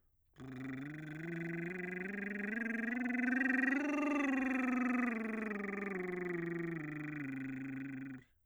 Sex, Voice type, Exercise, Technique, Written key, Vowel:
male, bass, scales, lip trill, , i